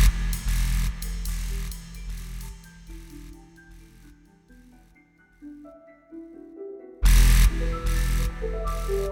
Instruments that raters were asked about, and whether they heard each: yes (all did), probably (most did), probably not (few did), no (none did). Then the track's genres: mallet percussion: no
Glitch; IDM; Breakbeat